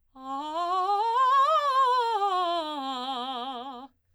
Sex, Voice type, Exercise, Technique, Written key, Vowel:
female, soprano, scales, fast/articulated forte, C major, a